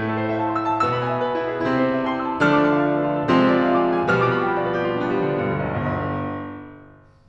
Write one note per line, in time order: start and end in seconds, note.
0.00 0.84 A2
0.00 0.84 A3
0.00 0.17 E4
0.09 0.28 A4
0.17 0.37 C5
0.28 0.46 E5
0.37 0.53 A5
0.46 0.63 C6
0.55 0.72 E6
0.64 0.84 C6
0.72 0.93 A5
0.84 1.58 B2
0.84 1.58 B3
0.84 1.03 E6
0.93 1.11 B5
1.03 1.22 G#5
1.11 1.29 E5
1.22 1.37 B4
1.29 1.43 G#4
1.37 1.49 E4
1.43 1.58 G#4
1.50 1.66 B4
1.58 2.41 C3
1.58 2.41 C4
1.58 1.74 E4
1.66 1.86 A4
1.74 1.96 C5
1.86 2.05 E5
1.96 2.15 A5
2.05 2.23 C6
2.15 2.32 E6
2.25 2.41 C6
2.33 2.52 A5
2.41 3.27 D3
2.41 3.27 F3
2.41 3.27 A3
2.41 3.27 D4
2.41 2.60 F6
2.52 2.71 D6
2.60 2.79 A5
2.71 2.90 F5
2.79 2.97 D5
2.90 3.04 A4
2.97 3.13 F4
3.05 3.27 A4
3.17 3.41 D5
3.27 4.16 C3
3.27 4.16 F3
3.27 4.16 G#3
3.27 4.16 C4
3.27 3.51 F4
3.41 3.61 G#4
3.51 3.72 D5
3.61 3.81 F5
3.72 3.90 G#5
3.81 3.98 D6
3.90 4.06 F6
3.99 4.16 D6
4.08 4.25 G#5
4.16 4.41 B2
4.16 4.41 D3
4.16 4.41 F3
4.16 4.41 G3
4.16 4.41 B3
4.16 4.33 F6
4.25 4.41 D6
4.33 4.50 B5
4.41 4.57 G5
4.50 4.66 F5
4.57 4.73 D5
4.66 4.82 B4
4.74 4.92 G4
4.85 5.02 F4
4.92 5.12 D4
5.02 5.19 B3
5.12 5.31 G3
5.19 5.41 F3
5.31 5.50 D3
5.41 5.65 B2
5.50 5.74 G2
5.67 5.86 D2
5.76 5.86 B1
5.86 6.83 G1